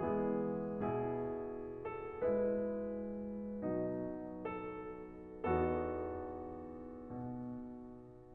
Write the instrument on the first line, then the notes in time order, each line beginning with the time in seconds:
piano
0.01 E3 G#3 B3 E4 G#4
0.84 B2 E4 G#4
1.84 A4
2.22 G#3 E4 B4
3.67 B2 F#3 D#4
4.45 A4
5.22 E2 B3 D#4 F#4 A4
6.65 B2